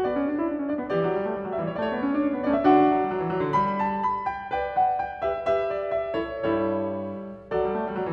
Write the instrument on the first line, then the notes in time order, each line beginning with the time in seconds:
piano
0.00 F#4
0.06 B3
0.12 D5
0.16 C#4
0.26 D4
0.36 E4
0.46 D4
0.53 C#4
0.68 D4
0.74 B3 D5
0.86 E3
0.93 G4
0.99 F#3 D5
1.14 G3
1.24 A3
1.38 G3
1.46 F#3
1.56 G3
1.67 E3
1.72 E5
1.79 A3
1.87 B3 D5
1.97 C#4 C#5
2.05 D4 D5
2.14 C#5
2.18 C#4 D5
2.29 B3 C#5
2.41 C#4
2.50 A3
2.54 D5
2.62 D3 D4 E5
2.68 E3 F#4
2.73 F#5
2.82 F#3
2.97 G3
3.08 F#3
3.18 E3
3.30 F#3
3.40 D3
3.48 G3
3.62 B5
3.80 A5
4.05 B5
4.37 G5
4.45 B4
4.52 D5
4.61 G5
4.83 F#5
5.12 G5
5.18 G4
5.25 B4
5.34 E5
5.40 G4
5.48 B4
5.58 E5
5.77 D5
6.01 E5
6.08 E4
6.16 A4
6.27 C#5
6.37 G2
6.42 E4
6.52 A4
6.64 C#5
7.42 F#3 F#4
7.51 G3 A4
7.66 D5
7.71 A3
7.81 G3
7.91 F#3
8.02 E3